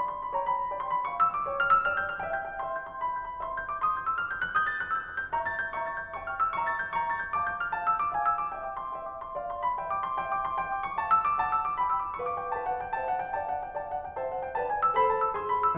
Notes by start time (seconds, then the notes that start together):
0.00 D5 G5 B5
0.10 C6
0.21 B5
0.33 C#5 G5 A#5
0.44 B5
0.56 A#5
0.66 D5 G5 B5
0.79 C6
0.95 B5
1.07 F5 G5 C#6
1.20 E6
1.31 D6
1.46 C5 G5 E6
1.58 F6
1.73 E6
1.86 D5 G5 F6
1.96 G6
2.09 F6
2.23 E5 G5
2.36 G6
2.52 G5
2.64 E5 C6
2.79 G6
2.93 C6
3.04 D5 B5
3.16 G6
3.29 B5
3.40 E5 C6
3.52 G6
3.63 D6
3.78 C6 D#6
3.96 G6
4.06 E6
4.19 D6 F6
4.32 G6
4.45 F#6
4.55 E6 G6
4.69 A6
4.82 F#6
4.95 E6 G6
5.12 F#6
5.25 G6
5.42 E5 A#5 C#6
5.57 A6
5.71 G6
5.84 E5 B5 C#6
5.92 A6
6.06 G6
6.16 E5 G5 C#6
6.30 F6
6.41 E6
6.55 E5 B5 C#6
6.70 A6
6.82 G6
6.94 E5 B5 C#6
7.08 A6
7.23 G6
7.34 F5 A5 D6
7.47 G6
7.60 F6
7.71 F5 A5
7.85 E6
7.98 D6
8.09 F5 G#5
8.20 E6
8.30 D6
8.42 F5 G5
8.51 E6
8.59 D6
8.67 E5 G5
8.79 D6
8.89 C6
9.02 E5 G5
9.14 D6
9.25 C6
9.38 D5 F5
9.51 C6
9.67 B5
9.78 E5 G5
9.93 D6
10.04 C6
10.19 E5 G5
10.33 D6
10.45 C6
10.60 E5 G5
10.73 D6
10.87 C#6
11.01 F5 A5
11.13 E6
11.26 D6
11.40 F#5 A5
11.54 E6
11.67 D6
11.82 G5 B5
11.98 E6
12.10 D6
12.20 B4 F5 C#6
12.29 D6
12.40 G5
12.53 B4 F5 A5
12.70 F#5
12.83 G5
12.96 C5 E5 A5
13.07 F#5
13.21 G5
13.33 D5 F5 A5
13.47 F#5
13.58 G5
13.76 D5 F5 A5
13.89 F#5
14.02 G5
14.18 C5 E5 A5
14.34 F#5
14.45 G5
14.59 B4 D5 A5
14.70 G#5
14.85 E6
14.97 A4 C5 B5
15.09 A5
15.23 E6
15.35 G#4 B4 C6
15.48 B5
15.63 E6